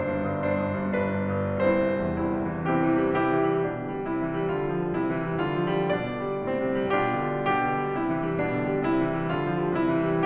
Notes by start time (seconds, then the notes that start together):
0.00 G1 D4 C5
0.15 G2
0.36 G1
0.49 G2 D4 C5
0.62 G1
0.80 G2
0.92 G1 D4 B4
1.27 G2
1.44 G1
1.58 G2 C4 E4 C5
1.85 C2
1.99 E2
2.19 G2 C4 E4
2.38 C3
2.52 E3
2.66 C3 C4 E4 G4
2.79 E3
2.91 G3
3.15 C3 E4 G4
3.33 E3
3.49 G3
3.63 B2 D4
3.82 D3
3.94 G3
4.04 C3 E4
4.17 E3
4.30 G3
4.47 D3 F4
4.61 F3
4.83 G3
4.96 C3 E4
5.09 E3
5.25 G3
5.42 D3 F4
5.58 F3
5.72 G3
5.91 B2 D4 D5
6.07 F3
6.20 G3
6.34 A2 C4
6.51 C3
6.66 G3
6.98 B2 D4 F4 G4
7.17 D3
7.36 G3
7.50 B2 D4 G4
7.73 D3
7.86 G3
8.00 C3 E4
8.12 E3
8.25 G3
8.42 B2 D4
8.59 D3
8.74 G3
8.87 C3 E4
9.00 E3
9.15 G3
9.29 E3 F4
9.50 F3
9.64 G3
9.80 C3 E4
9.96 E3
10.10 G3